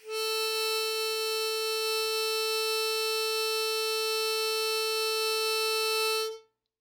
<region> pitch_keycenter=69 lokey=68 hikey=70 volume=11.586160 trigger=attack ampeg_attack=0.004000 ampeg_release=0.100000 sample=Aerophones/Free Aerophones/Harmonica-Hohner-Special20-F/Sustains/Normal/Hohner-Special20-F_Normal_A3.wav